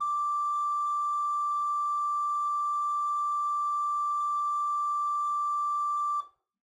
<region> pitch_keycenter=74 lokey=74 hikey=75 ampeg_attack=0.004000 ampeg_release=0.300000 amp_veltrack=0 sample=Aerophones/Edge-blown Aerophones/Renaissance Organ/4'/RenOrgan_4foot_Room_D4_rr1.wav